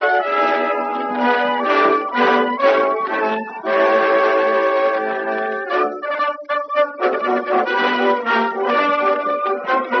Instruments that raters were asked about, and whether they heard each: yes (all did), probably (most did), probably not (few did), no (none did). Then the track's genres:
clarinet: no
trombone: yes
trumpet: probably not
Classical; Old-Time / Historic